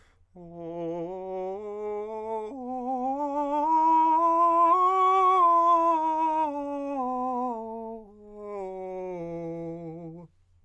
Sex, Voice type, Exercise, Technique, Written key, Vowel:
male, countertenor, scales, slow/legato forte, F major, o